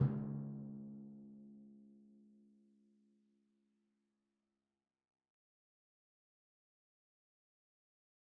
<region> pitch_keycenter=49 lokey=48 hikey=50 tune=-6 volume=20.691964 lovel=66 hivel=99 seq_position=2 seq_length=2 ampeg_attack=0.004000 ampeg_release=30.000000 sample=Membranophones/Struck Membranophones/Timpani 1/Hit/Timpani3_Hit_v3_rr2_Sum.wav